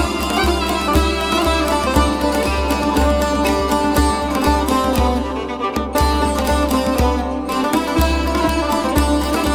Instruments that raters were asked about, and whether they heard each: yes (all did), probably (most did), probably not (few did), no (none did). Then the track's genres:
mandolin: yes
banjo: yes
ukulele: probably
cymbals: no
International; Middle East; Turkish